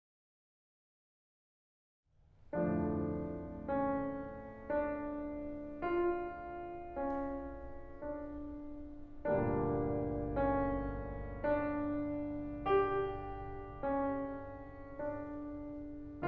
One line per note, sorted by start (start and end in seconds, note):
2.05 9.45 D2
2.05 9.45 F2
2.05 9.45 A2
2.05 9.45 D3
2.05 9.45 F3
2.05 9.45 A3
2.05 3.75 D4
3.76 4.72 C#4
4.76 5.89 D4
5.91 6.91 F4
6.92 7.92 C#4
7.94 9.45 D4
9.46 16.25 D2
9.46 16.25 G2
9.46 16.25 A#2
9.46 16.25 D3
9.46 16.25 G3
9.46 16.25 A#3
9.46 10.36 D4
10.39 11.39 C#4
11.40 12.74 D4
12.76 13.78 G4
13.80 14.98 C#4
15.01 16.25 D4